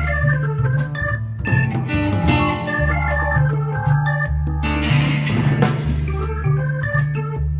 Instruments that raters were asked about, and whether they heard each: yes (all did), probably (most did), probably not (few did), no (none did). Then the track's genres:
organ: probably
Pop; Folk; Indie-Rock